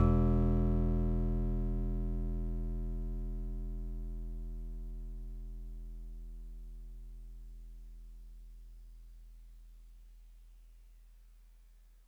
<region> pitch_keycenter=40 lokey=39 hikey=42 tune=-2 volume=11.118674 lovel=66 hivel=99 ampeg_attack=0.004000 ampeg_release=0.100000 sample=Electrophones/TX81Z/FM Piano/FMPiano_E1_vl2.wav